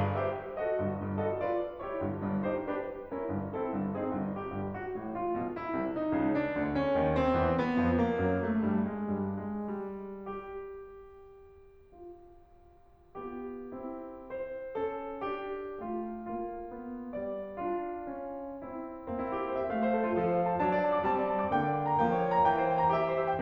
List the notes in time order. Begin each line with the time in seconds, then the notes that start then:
0.00 G#4 B4 F5
0.22 G4 C5 E5
0.59 F#4 A4 D#5
0.75 G1 G2
0.95 G1 G2
1.16 F#4 A4 D#5
1.38 F4 B4 D5
1.81 E4 G4 C#5
2.02 G1 G2
2.23 G1 G2
2.44 D#4 G4 C5
2.67 D4 G4 B4
3.11 C#4 E4 A#4
3.33 G1 G2
3.52 C#4 E4 A4
3.75 G1 G2
3.95 C#4 D#4 G#4
4.19 G1 G2
4.39 G4
4.56 G1 G2
4.84 F#4
5.00 A1 A2
5.18 F4
5.42 B1 B2
5.56 E4
5.78 C2 C3
5.97 D#4
6.14 C#2 C#3
6.35 D4
6.55 D2 D3
6.73 C#4
6.94 D#2 D#3
7.15 C4
7.40 E2 E3
7.59 B3
7.80 F2 F3
8.01 A#3
8.22 F#2 F#3
8.44 A3
8.66 G2 G3
8.86 G#3
9.04 G2 G3
9.38 G#3
9.65 G3
9.91 G4
11.94 F4
13.22 B3 F4 G4
13.72 C4 E4
14.34 C4 C5
14.78 C#4 A4
15.20 D4 G4
15.86 A3 F4
16.28 A#3 F4
16.79 B3
17.16 G3 D5
17.59 D4 F4
18.15 C#4
18.72 C4 E4
19.30 A#3 C4 E4
19.39 G4
19.52 C5
19.61 E5
19.73 A3 F5
19.84 C5
19.95 A4
20.06 F4
20.18 F3 F4 A4
20.26 C5
20.39 F5
20.57 F#3 D4 A5
20.69 D5
20.85 A5
20.99 D6
21.08 G3 C4 A5
21.19 D5
21.29 A5
21.41 A#5
21.51 D3 A#3 G5
21.65 D5
21.73 G5
21.90 A#5
22.00 F3 A#3 G5
22.11 C#5
22.23 G5
22.38 A#5
22.55 E3 G5
22.66 C5
22.73 G5
22.85 A#5
22.95 G4 E5
23.07 C5
23.17 E5